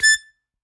<region> pitch_keycenter=93 lokey=92 hikey=94 volume=-2.301942 seq_position=2 seq_length=2 ampeg_attack=0.004000 ampeg_release=0.300000 sample=Aerophones/Free Aerophones/Harmonica-Hohner-Special20-F/Sustains/Stac/Hohner-Special20-F_Stac_A5_rr2.wav